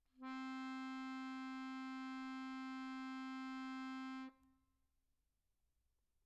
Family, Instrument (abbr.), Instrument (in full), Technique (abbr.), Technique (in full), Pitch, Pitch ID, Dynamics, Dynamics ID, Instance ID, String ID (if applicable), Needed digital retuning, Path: Keyboards, Acc, Accordion, ord, ordinario, C4, 60, pp, 0, 0, , FALSE, Keyboards/Accordion/ordinario/Acc-ord-C4-pp-N-N.wav